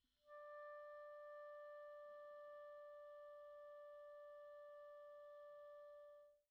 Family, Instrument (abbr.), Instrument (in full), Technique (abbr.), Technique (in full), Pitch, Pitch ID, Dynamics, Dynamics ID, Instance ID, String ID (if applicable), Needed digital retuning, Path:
Winds, ClBb, Clarinet in Bb, ord, ordinario, D5, 74, pp, 0, 0, , FALSE, Winds/Clarinet_Bb/ordinario/ClBb-ord-D5-pp-N-N.wav